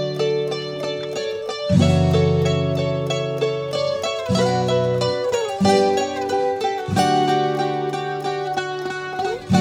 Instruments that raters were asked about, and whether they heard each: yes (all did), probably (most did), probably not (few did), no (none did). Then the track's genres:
ukulele: probably
mandolin: yes
banjo: probably not
Folk; Instrumental